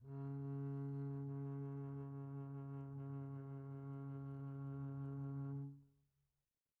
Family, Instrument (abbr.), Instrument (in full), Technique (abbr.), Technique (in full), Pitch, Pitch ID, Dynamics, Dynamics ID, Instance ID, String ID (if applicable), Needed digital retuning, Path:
Strings, Cb, Contrabass, ord, ordinario, C#3, 49, pp, 0, 3, 4, TRUE, Strings/Contrabass/ordinario/Cb-ord-C#3-pp-4c-T16d.wav